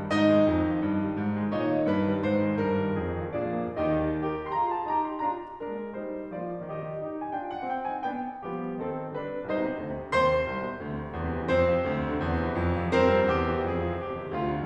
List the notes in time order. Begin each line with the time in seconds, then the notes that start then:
0.00 G3
0.12 G#2 D#4 D#5
0.24 D#3
0.37 G#3
0.49 F2
0.59 D#3
0.72 F3
0.82 G2
0.98 D#3
1.07 G3
1.20 G#2
1.30 D#3
1.40 G#3
1.51 A#2 D#4 C#5 D#5
1.60 D#3
1.70 A#3
1.88 G2 B4
1.96 D#3
2.05 G3
2.18 G#2 C5
2.33 D#3
2.48 G#3
2.59 G2 A#4
2.69 D#3
2.79 G3
2.93 F2 G#4
3.07 D#3
3.18 F3
3.30 A#2 D4 G#4 D5
3.46 F3
3.61 A#3
3.75 D#2 D#3 D#4 G4 D#5
4.10 G4 A#4
4.49 F4 G#4 C6
4.55 A#5
4.74 A5
4.90 D#4 G4 A#5
5.09 C6
5.21 D4 F4 A#5
5.62 G#3 A#3 D4 A#4
5.94 G3 D#4 C5
6.37 F3 A#3 F4 D5
6.65 D#3 A#3 G4 D#5
6.94 D#4 G4
7.26 D4 F4 G5 G#5
7.42 F#5
7.63 C4 D#4 G5
7.81 G#5
8.07 B3 D4 G5
8.43 F3 G3 B3 G4
8.72 D#3 C4 A4
9.16 D3 G3 D4 B4
9.50 C2 D#4 C5
9.60 B2
9.76 C3
9.81 D2
9.93 C3
10.03 D3
10.14 D#2 C5 C6
10.32 C3
10.43 D#3
10.51 C2
10.60 B2
10.69 C3
10.82 D2
10.92 C3
11.02 D3
11.12 E2
11.22 C3
11.32 E3
11.44 F2 C4 C5
11.68 C3
11.83 F3
11.92 D2
12.02 C3
12.10 D3
12.19 E2
12.31 C3
12.49 E3
12.61 F#2
12.70 C3
12.79 F#3
12.96 G2 C4 A#4 C5
13.05 C3
13.18 G3
13.29 E2 G4
13.44 C3
13.55 E3
13.68 F2 G#4
13.75 C3
13.86 F3
13.99 D#2 G4
14.11 C3
14.20 D#3
14.34 D2 F4
14.43 C3
14.56 D3